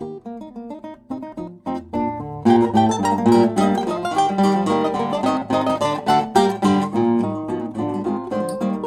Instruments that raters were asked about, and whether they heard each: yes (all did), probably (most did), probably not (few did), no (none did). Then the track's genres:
mandolin: yes
piano: no
banjo: no
mallet percussion: no
synthesizer: probably not
ukulele: probably
Classical; Chamber Music